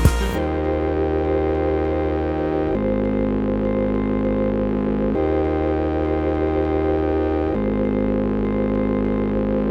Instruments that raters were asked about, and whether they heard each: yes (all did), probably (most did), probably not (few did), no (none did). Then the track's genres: synthesizer: yes
trombone: probably not
voice: no
banjo: no
mallet percussion: no
clarinet: no
trumpet: no
Pop; Electronic